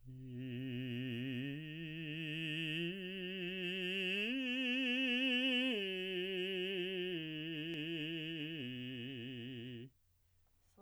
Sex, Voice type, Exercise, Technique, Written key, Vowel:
male, baritone, arpeggios, slow/legato piano, C major, i